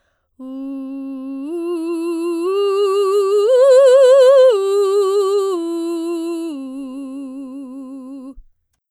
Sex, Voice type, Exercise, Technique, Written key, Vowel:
female, soprano, arpeggios, slow/legato forte, C major, u